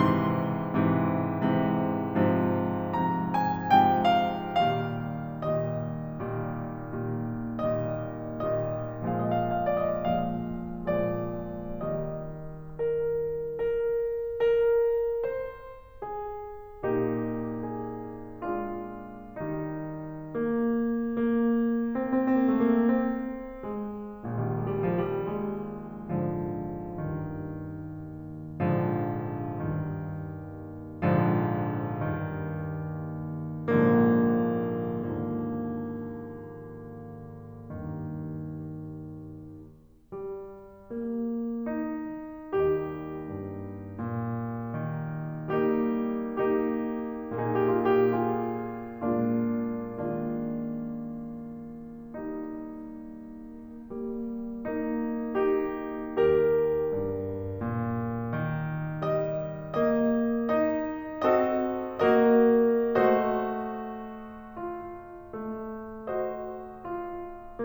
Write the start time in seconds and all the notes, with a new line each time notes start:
0.01 G#2 C3 E3 C6
0.64 G#2 C3 E3
1.27 G#2 C3 E3
2.10 G#2 C3 F3
2.92 G#2 C3 F3 A#5
3.29 G#5
3.74 G#2 C3 F3 G5
4.06 F5
4.38 A#2 D#3 G3 F5
5.15 A#2 D#3 G3 D#5
5.90 A#2 D#3 G3
6.55 A#2 D#3 G3
7.46 A#2 D#3 G3 D#5
8.14 A#2 D#3 G3 D#5
9.18 A#2 F3 G#3 D#5
9.29 F5
9.39 D#5
9.46 F5
9.51 D#5
9.64 F5
9.71 D5
9.84 D#5
10.06 A#2 F3 G#3 F5
10.86 A#2 F3 G#3 D5
11.85 D#3 G3 D#5
12.79 A#4
13.54 A#4
14.31 A#4
15.01 C5
16.02 G#4
16.85 A#2 A#3 D#4 G4
17.76 G#4
18.44 G#3 D4 F4
19.28 D#3 G3 D#4
20.02 A#3
20.57 A#3
21.89 A#3
21.97 C4
22.08 A#3
22.17 C4
22.26 A#3
22.33 C4
22.51 A3
22.66 A#3
22.78 C4
23.63 G#3
24.24 A#1 A#2 D#3 G3
24.40 G#3
24.49 G3
24.56 G#3
24.64 G3
24.82 G#3
24.90 F3
25.00 G3
25.23 G#3
26.13 G#2 D3 F3
26.94 D#2 G2 D#3
28.60 A#1 G#2 D3 F3
29.37 D#2 G2 D#3
31.07 A#1 G#2 D3 F3
32.11 D#2 G2 D#3
33.65 A#1 G#2 D3 F3 A#3
34.32 D#2 G#2 D3 F3 A#3
36.94 G2 D#3
40.11 G3
40.92 A#3
41.65 D#4
42.59 D#2 G3 A#3 D#4 G4
43.31 G2
43.97 A#2
45.12 D#3
45.68 G3 A#3 D#4 G4
46.43 A#3 D#4 G4
47.39 A#2 A#3 D#4 G4
47.47 G#4
47.53 G4
47.60 G#4
47.65 G4
47.73 G#4
47.79 F4
47.86 G4
47.97 F4 G#4
48.81 A#2 G#3 A#3 D4 F4
49.77 D#3 G#3 A#3 D4 F4
52.00 G3 A#3 D#4
53.82 G3 A#3
54.56 A#3 D#4
55.34 D#4 G4
56.04 D#2 G4 A#4
56.94 G2
57.63 A#2
58.33 D#3
59.03 G3 D#5
59.68 A#3 D#5
60.47 D#4 D#5
61.23 C4 F#4 A4 D#5
61.99 A#3 F#4 A#4 D#5
62.71 A3 F#4 C5 D#5
64.56 F4
65.28 A3
66.11 F#4 C5 D#5
66.76 F4